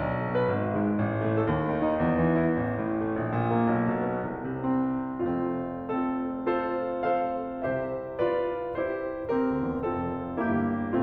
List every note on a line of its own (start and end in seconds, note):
0.00 0.38 B1
0.17 0.38 B3
0.38 0.51 B2
0.38 0.51 B4
0.52 0.84 G#1
0.66 0.84 G#3
0.84 1.02 G#2
0.84 1.02 G#4
1.02 1.39 A1
1.23 1.39 A3
1.39 1.51 A2
1.39 1.51 A4
1.52 2.03 D#2
1.66 1.87 D#3
1.87 2.03 D#4
2.03 2.58 E2
2.24 2.40 E3
2.41 2.58 E4
2.58 3.22 A1
2.77 3.00 A2
3.00 3.22 A3
3.23 3.83 A#1
3.41 3.61 A#2
3.61 3.83 A#3
3.83 4.41 B1
4.02 4.26 B2
4.27 4.41 B3
4.42 5.13 C2
4.67 4.89 C3
4.89 5.13 C4
5.13 7.49 F1
5.13 7.49 F2
5.13 5.77 A3
5.13 5.77 C4
5.13 5.77 F4
5.77 6.34 C4
5.77 6.34 F4
5.77 6.34 A4
6.35 6.91 F4
6.35 6.91 A4
6.35 6.91 C5
6.91 7.49 A4
6.91 7.49 C5
6.91 7.49 F5
7.50 9.26 C2
7.50 9.26 C3
7.50 8.19 G4
7.50 8.19 C5
7.50 8.19 E5
8.19 8.74 F4
8.19 8.74 B4
8.19 8.74 D5
8.74 9.26 E4
8.74 9.26 G4
8.74 9.26 C5
9.28 9.58 C2
9.28 9.76 C4
9.28 9.76 G4
9.28 9.76 A#4
9.58 9.67 D2
9.68 9.76 E2
9.76 10.37 F1
9.76 10.37 F2
9.76 10.37 C4
9.76 10.37 F4
9.76 10.37 A4
10.38 11.03 G1
10.38 11.03 G2
10.38 11.03 A#3
10.38 11.03 E4
10.38 11.03 G4